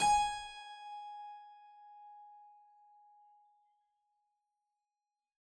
<region> pitch_keycenter=80 lokey=80 hikey=81 volume=-1.018973 trigger=attack ampeg_attack=0.004000 ampeg_release=0.400000 amp_veltrack=0 sample=Chordophones/Zithers/Harpsichord, Flemish/Sustains/Low/Harpsi_Low_Far_G#4_rr1.wav